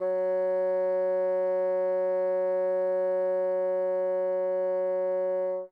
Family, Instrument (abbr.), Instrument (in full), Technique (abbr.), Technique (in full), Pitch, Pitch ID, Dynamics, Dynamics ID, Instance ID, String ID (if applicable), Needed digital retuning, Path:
Winds, Bn, Bassoon, ord, ordinario, F#3, 54, mf, 2, 0, , TRUE, Winds/Bassoon/ordinario/Bn-ord-F#3-mf-N-T16d.wav